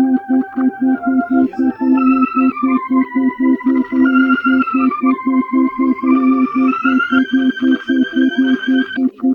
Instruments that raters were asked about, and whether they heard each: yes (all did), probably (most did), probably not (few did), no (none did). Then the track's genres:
organ: probably
Pop; Soundtrack; Psych-Folk; Experimental Pop